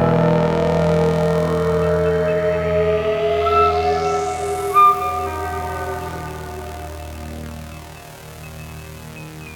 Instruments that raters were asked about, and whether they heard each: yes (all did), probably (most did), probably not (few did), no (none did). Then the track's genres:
flute: yes
Trip-Hop